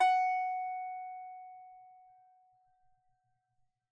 <region> pitch_keycenter=78 lokey=78 hikey=78 volume=-3.934010 lovel=66 hivel=99 ampeg_attack=0.004000 ampeg_release=15.000000 sample=Chordophones/Composite Chordophones/Strumstick/Finger/Strumstick_Finger_Str3_Main_F#4_vl2_rr1.wav